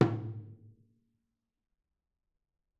<region> pitch_keycenter=62 lokey=62 hikey=62 volume=12.482748 offset=249 lovel=100 hivel=127 seq_position=1 seq_length=2 ampeg_attack=0.004000 ampeg_release=30.000000 sample=Membranophones/Struck Membranophones/Tom 1/Mallet/TomH_HitM_v4_rr2_Mid.wav